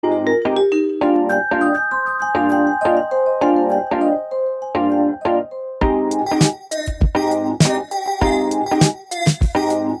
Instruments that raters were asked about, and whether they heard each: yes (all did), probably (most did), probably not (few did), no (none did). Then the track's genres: mallet percussion: yes
Pop; Chill-out